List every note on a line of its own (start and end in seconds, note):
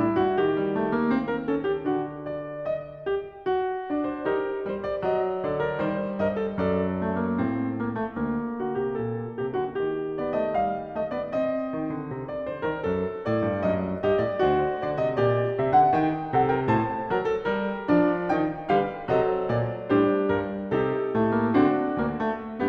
0.00 0.17 A2
0.00 0.17 E4
0.17 0.52 G2
0.17 0.52 F#4
0.52 1.79 D#3
0.52 1.31 G4
0.68 0.84 G3
0.84 1.02 A3
1.02 1.18 A#3
1.18 1.50 C4
1.31 1.47 A#4
1.47 1.81 C#4
1.47 1.64 A4
1.64 1.79 G4
1.79 2.60 D3
1.79 2.62 D4
1.79 2.24 F#4
2.24 2.60 D5
2.60 3.04 D#5
3.04 3.42 G4
3.42 4.28 F#4
3.90 4.27 D4
3.95 4.11 D5
4.11 4.30 C5
4.27 4.68 D#4
4.27 5.10 G4
4.27 4.75 A#4
4.68 5.06 G3
4.75 4.93 C5
4.93 5.12 D5
5.06 5.75 F#3
5.12 5.48 D#5
5.46 5.75 D3
5.46 5.60 A4
5.46 5.77 D5
5.60 5.75 A#4
5.75 6.18 D#3
5.75 6.58 G3
5.75 6.20 C5
6.18 6.58 G2
6.18 6.37 A#4
6.18 6.61 D#5
6.37 6.58 A4
6.58 7.38 F#2
6.58 7.08 A4
6.58 7.06 D5
7.05 7.23 A3
7.23 7.38 A#3
7.38 8.14 G2
7.38 7.71 C4
7.71 7.93 A#3
7.93 8.12 A3
8.12 8.58 D2
8.12 10.18 A#3
8.58 8.74 D3
8.58 8.79 F#4
8.74 9.04 C3
8.79 9.08 G4
9.04 9.39 A#2
9.04 9.43 A4
9.39 9.56 C3
9.39 9.57 G4
9.56 9.74 D3
9.56 9.76 F#4
9.74 11.71 D#3
9.74 12.92 G4
10.18 10.36 B3
10.18 10.37 D5
10.36 10.55 A3
10.36 10.55 D#5
10.55 10.95 G3
10.55 10.95 F5
10.95 11.12 A3
10.95 11.16 D#5
11.12 11.34 B3
11.12 11.34 D5
11.34 12.10 C4
11.34 12.29 D#5
11.76 11.94 D#3
11.94 12.12 D3
12.12 12.54 C3
12.29 12.53 D5
12.53 12.71 D3
12.53 12.70 C5
12.70 12.91 D#3
12.70 12.90 A#4
12.90 13.24 F#2
12.90 13.65 A4
13.24 13.47 A2
13.24 13.68 D5
13.47 13.65 G2
13.65 14.01 F#2
13.65 14.07 D#5
14.01 14.22 G2
14.01 14.21 D#5
14.07 14.44 G4
14.21 14.42 A2
14.21 14.42 D5
14.42 14.83 D2
14.42 15.20 F#4
14.42 14.81 C5
14.81 15.01 D3
14.81 15.00 D5
15.00 15.19 C3
15.00 15.17 D#5
15.17 15.55 A#2
15.17 15.99 G4
15.17 15.49 D5
15.49 15.70 E5
15.55 15.70 C3
15.70 15.98 D3
15.70 15.95 F#5
15.95 16.32 D#3
15.95 16.32 G5
16.32 16.70 C3
16.32 16.52 A4
16.32 16.50 F#5
16.50 16.71 A#4
16.50 16.68 G5
16.68 17.11 A2
16.68 17.12 C5
16.68 18.00 A5
17.11 17.47 F#3
17.11 17.30 A#4
17.30 17.51 A4
17.47 18.00 G3
17.47 18.73 A#4
17.90 18.33 D4
18.00 18.34 F3
18.00 18.34 D5
18.33 18.70 D#3
18.33 18.69 D#4
18.33 18.70 G5
18.69 19.12 D3
18.69 19.11 G3
18.69 19.14 G4
18.69 19.14 B4
18.69 19.12 F5
19.11 19.49 C3
19.11 19.90 F#3
19.11 19.52 A4
19.11 19.52 C5
19.11 19.48 D#5
19.48 19.91 A#2
19.48 19.90 D5
19.90 20.29 A2
19.90 20.77 G3
19.90 20.31 D4
19.90 20.31 G4
19.90 20.28 C5
20.28 20.78 G2
20.28 20.77 A#4
20.77 21.16 C3
20.77 21.58 D#4
20.77 21.58 G4
20.77 22.56 A4
21.15 21.56 A2
21.15 21.37 A3
21.37 21.54 A#3
21.54 22.00 D3
21.54 21.99 C4
21.58 22.67 D4
21.58 22.67 F#4
21.99 22.69 D2
21.99 22.24 A#3
22.24 22.66 A3
22.66 22.69 B3